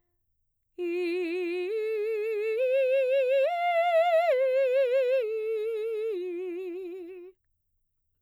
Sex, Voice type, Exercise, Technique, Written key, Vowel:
female, mezzo-soprano, arpeggios, slow/legato piano, F major, i